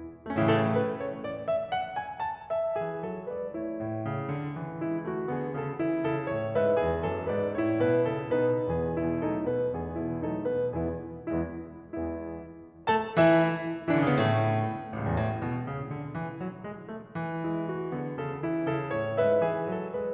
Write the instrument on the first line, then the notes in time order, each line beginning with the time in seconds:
piano
0.25 A3
0.32 C#4
0.39 E4
0.46 A2 A4
0.54 C#3
0.64 E3
0.71 A3 B4
1.08 C#5
1.29 D5
1.49 E5
1.69 F#5
1.96 G#5
2.20 A5
2.49 E5
2.81 E3 G#4
3.01 F#3 A4
3.33 G#3 B4 D5
3.57 A3 E4 C#5
3.79 A2
4.03 C#3
4.36 D3
4.56 E3
4.80 G#3 E4
5.10 A3 F#4
5.30 D3 B3 G#4
5.53 C#3 C#4 A4
5.80 E3 E4
6.02 C#3 A4
6.26 A2 C#5
6.53 G#2 B4 E5
6.82 E2 G#4
7.09 F#2 A4
7.33 G#2 B4 D5
7.53 A2 E4 C#5
7.73 G#2 B4
7.97 F#2 A4
8.22 B2 D#4 B4
8.65 E2 E3 B3 G#4
9.04 B2 E4
9.26 F#3 A3 D#4 A4
9.46 B2 B4
9.75 E2 E3 B3 G#4
10.00 B2 E4
10.23 F#3 A3 D#4 A4
10.48 B2 B4
10.73 E2 E3 B3 E4 G#4
11.29 E2 G#3 B3 E4
11.86 E2 G#3 B3 E4
12.87 A3 A4 A5
13.16 E3 E4 E5
13.94 E3 E4
14.01 D3 D4
14.08 C#3 C#4
14.13 B2 B3
14.18 A2 A3
14.90 A1
14.97 C#2
15.04 E2
15.17 A2
15.39 B2
15.62 C#3
15.93 D3
16.14 E3
16.40 F#3
16.66 G#3
16.86 A3
17.13 E3
17.41 G#3 E4
17.70 A3 F#4
17.97 D3 B3 G#4
18.20 C#3 C#4 A4
18.44 E3 E4
18.69 C#3 A4
19.00 A2 C#5
19.18 G#2 B4 E5
19.44 E3 G#4
19.68 F#3 A4
19.94 G#3 B4 D5